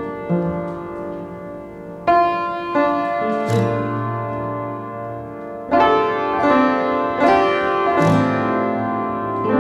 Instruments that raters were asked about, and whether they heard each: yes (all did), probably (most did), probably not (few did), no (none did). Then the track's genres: piano: yes
Indie-Rock; Ambient